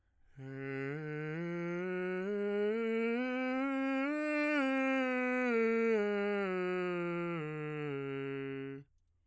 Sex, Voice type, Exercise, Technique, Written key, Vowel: male, bass, scales, breathy, , e